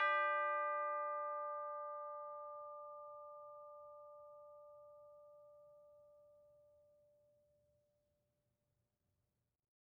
<region> pitch_keycenter=62 lokey=62 hikey=63 volume=21.632102 lovel=0 hivel=83 ampeg_attack=0.004000 ampeg_release=30.000000 sample=Idiophones/Struck Idiophones/Tubular Bells 2/TB_hit_D4_v2_1.wav